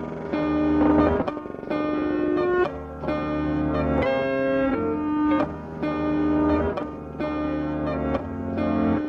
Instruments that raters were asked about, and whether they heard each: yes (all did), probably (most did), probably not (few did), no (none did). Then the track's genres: trombone: probably not
trumpet: probably not
Hip-Hop Beats